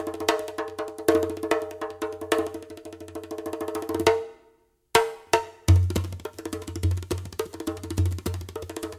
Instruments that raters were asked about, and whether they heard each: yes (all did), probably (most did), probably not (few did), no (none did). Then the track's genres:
trumpet: no
saxophone: no
guitar: no
drums: yes
International; Middle East; Turkish